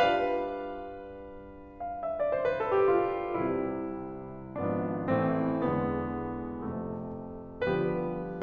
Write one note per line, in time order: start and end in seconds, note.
0.01 3.30 G3
0.01 3.30 D4
0.01 3.30 F4
2.03 2.15 F5
2.11 2.23 E5
2.18 2.37 D5
2.28 2.59 C5
2.40 2.71 B4
2.62 2.94 A4
2.78 3.22 G4
2.97 3.30 F4
3.30 4.50 C2
3.30 4.50 C3
3.30 4.50 G3
3.30 4.50 C4
3.30 4.50 E4
4.51 5.09 G#1
4.51 5.09 G#2
4.51 5.09 F3
4.51 5.09 B3
4.51 5.09 D4
5.10 5.66 A1
5.10 5.66 A2
5.10 5.66 E3
5.10 5.66 A3
5.10 5.66 C4
5.66 6.66 E1
5.66 6.66 E2
5.66 6.66 D3
5.66 6.66 G#3
5.66 6.66 B3
6.66 7.61 F1
6.66 7.61 F2
6.66 7.61 C3
6.66 7.61 A3
7.61 8.42 D3
7.61 8.42 F3
7.61 8.42 G3
7.61 8.42 B3
7.61 8.42 F4
7.61 8.42 G4
7.61 8.42 B4